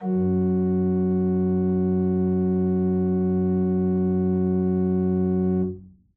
<region> pitch_keycenter=42 lokey=42 hikey=43 volume=7.876962 offset=74 ampeg_attack=0.004000 ampeg_release=0.300000 amp_veltrack=0 sample=Aerophones/Edge-blown Aerophones/Renaissance Organ/Full/RenOrgan_Full_Room_F#1_rr1.wav